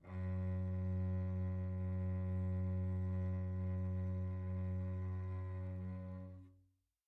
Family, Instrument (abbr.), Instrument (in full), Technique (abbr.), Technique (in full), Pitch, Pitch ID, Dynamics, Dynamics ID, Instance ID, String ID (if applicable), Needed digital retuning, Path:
Strings, Vc, Cello, ord, ordinario, F#2, 42, pp, 0, 3, 4, FALSE, Strings/Violoncello/ordinario/Vc-ord-F#2-pp-4c-N.wav